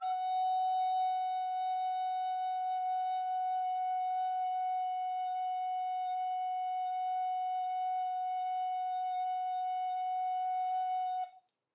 <region> pitch_keycenter=78 lokey=78 hikey=79 volume=12.515612 offset=132 ampeg_attack=0.005000 ampeg_release=0.300000 sample=Aerophones/Edge-blown Aerophones/Baroque Soprano Recorder/Sustain/SopRecorder_Sus_F#4_rr1_Main.wav